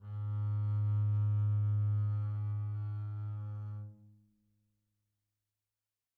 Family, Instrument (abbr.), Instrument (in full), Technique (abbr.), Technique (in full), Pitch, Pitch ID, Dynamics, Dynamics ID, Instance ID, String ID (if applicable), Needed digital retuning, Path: Strings, Cb, Contrabass, ord, ordinario, G#2, 44, pp, 0, 0, 1, FALSE, Strings/Contrabass/ordinario/Cb-ord-G#2-pp-1c-N.wav